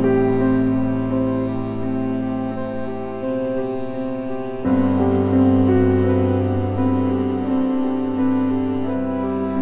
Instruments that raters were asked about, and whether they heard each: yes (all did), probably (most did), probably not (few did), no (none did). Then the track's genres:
cello: probably
Ambient; Instrumental